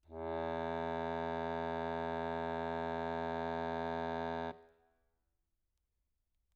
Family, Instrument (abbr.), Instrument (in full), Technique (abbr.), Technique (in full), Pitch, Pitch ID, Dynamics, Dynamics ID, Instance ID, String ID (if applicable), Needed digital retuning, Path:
Keyboards, Acc, Accordion, ord, ordinario, E2, 40, mf, 2, 1, , FALSE, Keyboards/Accordion/ordinario/Acc-ord-E2-mf-alt1-N.wav